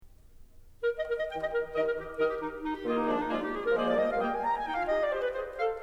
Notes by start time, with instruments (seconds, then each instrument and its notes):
0.03 clarinet A#4
0.22 clarinet D#5
0.73 clarinet A#4
0.89 clarinet D#5
1.03 bassoon D#3, oboe G4 D#5, clarinet A#4 G5
1.22 clarinet D#5
1.39 clarinet A#4
1.68 bassoon D#3, oboe G4 D#5, clarinet A#4 D#5
1.82 clarinet A#4
1.95 clarinet G4
2.17 bassoon D#3, oboe G4 D#5, clarinet A#4
2.26 clarinet G4
2.40 clarinet D#4
2.65 clarinet D#4
2.73 clarinet G4
2.87 bassoon D#3 A#3, clarinet A#3 F4, oboe G4 D#5
2.97 clarinet D#4
3.03 bassoon F3 G#3, clarinet D4, oboe G#4 D5
3.20 clarinet D#4
3.30 bassoon F3 G#3, clarinet F4, oboe G#4 D5
3.38 clarinet G4
3.53 clarinet G#4
3.63 clarinet A#4
3.74 bassoon F3 G#3, clarinet A#3 C5, oboe G#4 D5
3.78 clarinet D5
3.91 bassoon G3 A#3, clarinet A#3 D#5, oboe G4 D#5
4.06 clarinet F5
4.20 bassoon G3 A#3, clarinet A#3 G5, oboe G4 D#5
4.27 clarinet G#5
4.40 clarinet A#5
4.54 clarinet G#5
4.63 clarinet D#4 G5
4.74 clarinet F4 F5
4.88 clarinet G4 D#5
4.98 clarinet D5
5.15 clarinet G4 B4 C5
5.28 clarinet G#4 C5
5.49 clarinet F5